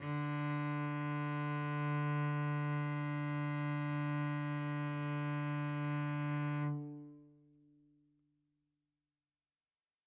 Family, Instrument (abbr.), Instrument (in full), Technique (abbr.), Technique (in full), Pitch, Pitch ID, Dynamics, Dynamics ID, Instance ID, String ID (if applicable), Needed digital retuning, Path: Strings, Vc, Cello, ord, ordinario, D3, 50, mf, 2, 1, 2, FALSE, Strings/Violoncello/ordinario/Vc-ord-D3-mf-2c-N.wav